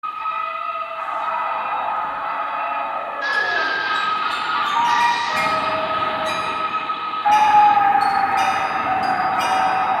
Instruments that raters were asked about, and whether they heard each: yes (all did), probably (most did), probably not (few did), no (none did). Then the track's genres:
mallet percussion: probably
Avant-Garde; Experimental; Contemporary Classical